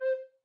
<region> pitch_keycenter=72 lokey=72 hikey=73 tune=-4 volume=11.774958 ampeg_attack=0.004000 ampeg_release=10.000000 sample=Aerophones/Edge-blown Aerophones/Baroque Bass Recorder/Staccato/BassRecorder_Stac_C4_rr1_Main.wav